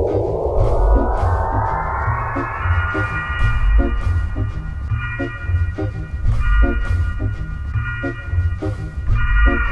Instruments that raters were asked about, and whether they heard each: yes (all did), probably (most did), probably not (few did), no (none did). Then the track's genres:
mallet percussion: no
Electronic; Hip-Hop Beats